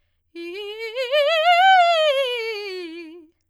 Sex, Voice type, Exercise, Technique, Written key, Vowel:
female, soprano, scales, fast/articulated forte, F major, i